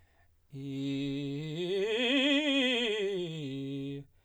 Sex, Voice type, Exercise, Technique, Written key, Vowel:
male, baritone, scales, fast/articulated forte, C major, i